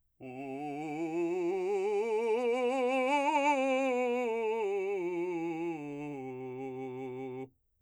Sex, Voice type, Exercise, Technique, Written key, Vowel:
male, , scales, vibrato, , u